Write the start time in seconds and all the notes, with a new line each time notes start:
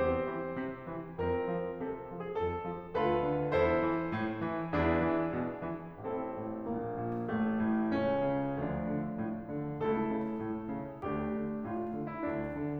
0.01 E2 C4 G4 C5
0.37 E3
0.67 C3
0.91 E3
1.19 F2 C4 F4 A#4
1.50 F3
1.76 C3 A4
2.07 F3
2.21 G#4
2.37 F2 A4
2.64 F3
2.97 D2 F4 A4 B4
3.29 D3
3.57 E2 E4 A4 C5
3.83 E3
4.10 A2
4.42 E3
4.74 E2 D4 E4 G#4
5.06 E3
5.32 B2
5.65 E3
5.98 A1 C4 E4 A4
6.33 A2
6.64 A#1 A#3
6.99 A#2
7.29 A1 A3
7.59 A2
7.94 C#2 C#4
8.25 C#3
8.61 D2 F3 A3 D4
8.93 D3
9.20 A2
9.49 D3
9.79 C#2 A3 E4 A4
10.04 C#3
10.37 A2
10.71 C#3
11.02 D2 A3 D4 G4
11.26 D3
11.60 A2 F4
11.91 D3
12.08 E4
12.28 D2 D4
12.59 D3